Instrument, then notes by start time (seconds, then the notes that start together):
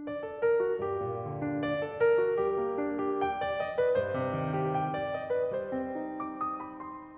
piano
0.00 D5
0.23 A4
0.43 A#4
0.66 F#4
0.86 G2 G4
1.10 A#2
1.31 D3
1.47 D4
1.64 D5
1.86 A4
2.04 A#4
2.21 F#4
2.45 G3 G4
2.59 A#3
2.80 D4
3.03 G4
3.22 G5
3.39 D5
3.59 D#5
3.76 B4
3.97 G2 C5
4.13 C3
4.32 D#3
4.59 G4
4.76 G5
4.99 D5
5.15 D#5
5.33 B4
5.51 G3 C5
5.72 C4
5.92 D#4
6.10 D6
6.35 D#6
6.59 B5
6.80 C6